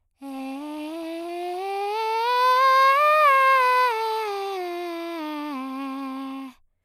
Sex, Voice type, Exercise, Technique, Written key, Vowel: female, soprano, scales, breathy, , e